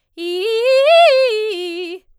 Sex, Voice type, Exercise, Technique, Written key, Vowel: female, soprano, arpeggios, fast/articulated forte, F major, i